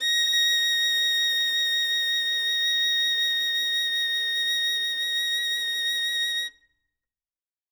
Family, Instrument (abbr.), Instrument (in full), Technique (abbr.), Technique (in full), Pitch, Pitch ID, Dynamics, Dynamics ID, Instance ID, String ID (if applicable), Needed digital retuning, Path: Strings, Vn, Violin, ord, ordinario, A#6, 94, ff, 4, 0, 1, FALSE, Strings/Violin/ordinario/Vn-ord-A#6-ff-1c-N.wav